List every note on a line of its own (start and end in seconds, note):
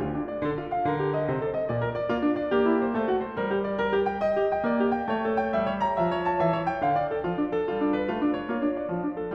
0.00 0.44 D2
0.00 0.15 F4
0.15 0.31 D4
0.31 0.46 D5
0.46 0.87 D3
0.46 0.62 A4
0.62 0.75 F4
0.75 0.91 F5
0.91 1.31 D3
0.91 1.03 A#4
1.03 1.16 G4
1.16 1.34 D#5
1.34 1.67 C3
1.34 1.45 C5
1.45 1.56 A4
1.56 1.71 D#5
1.71 2.09 A#2
1.71 1.82 D5
1.82 1.94 A#4
1.94 2.11 D5
2.11 2.53 A#3
2.11 2.26 F4
2.26 2.41 D4
2.41 2.55 D5
2.55 2.96 A#3
2.55 2.69 G4
2.69 2.83 E4
2.83 2.97 C5
2.97 3.36 A3
2.97 3.10 A4
3.10 3.23 F#4
3.23 3.38 C5
3.38 4.28 G3
3.38 3.51 A#4
3.51 3.65 G4
3.65 3.82 D5
3.82 3.96 A#4
3.96 4.08 G4
4.08 4.28 G5
4.28 4.42 D#5
4.42 4.55 G4
4.55 4.66 G5
4.66 5.07 A#3
4.66 4.83 D5
4.83 4.95 G4
4.95 5.10 G5
5.10 5.53 A3
5.10 5.25 C#5
5.25 5.39 A4
5.39 5.55 G5
5.55 5.97 G3
5.55 5.70 E5
5.70 5.83 C#5
5.83 5.99 A#5
5.99 6.35 F3
5.99 6.11 E5
6.11 6.23 C#5
6.23 6.39 A5
6.39 6.80 E3
6.39 6.56 E5
6.56 6.69 C#5
6.69 6.83 G5
6.83 7.22 D3
6.83 6.95 F5
6.95 7.09 D5
7.09 7.24 A4
7.24 7.64 F3
7.24 7.38 F4
7.38 7.51 D4
7.51 7.66 A4
7.66 8.07 G3
7.66 7.80 F4
7.80 7.95 D4
7.95 8.09 B4
8.09 8.49 A3
8.09 8.21 F4
8.21 8.35 D4
8.35 8.51 C#5
8.51 8.88 A#3
8.51 8.65 F4
8.65 8.75 D4
8.75 8.90 D5
8.90 9.32 F3
8.90 9.02 F4
9.02 9.20 D4
9.20 9.35 A4